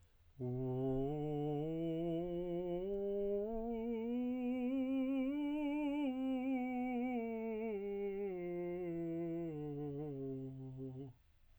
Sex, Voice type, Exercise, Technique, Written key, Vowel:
male, tenor, scales, slow/legato piano, C major, u